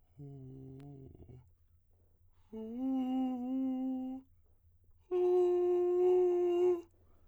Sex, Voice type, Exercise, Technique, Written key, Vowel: male, tenor, long tones, inhaled singing, , u